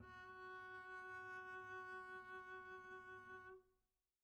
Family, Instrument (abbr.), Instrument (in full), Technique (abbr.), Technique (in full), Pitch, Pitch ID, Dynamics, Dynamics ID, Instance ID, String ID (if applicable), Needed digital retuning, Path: Strings, Cb, Contrabass, ord, ordinario, F#4, 66, pp, 0, 0, 1, FALSE, Strings/Contrabass/ordinario/Cb-ord-F#4-pp-1c-N.wav